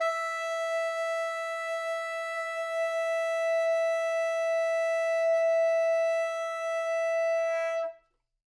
<region> pitch_keycenter=76 lokey=76 hikey=77 volume=14.441164 lovel=84 hivel=127 ampeg_attack=0.004000 ampeg_release=0.500000 sample=Aerophones/Reed Aerophones/Tenor Saxophone/Non-Vibrato/Tenor_NV_Main_E4_vl3_rr1.wav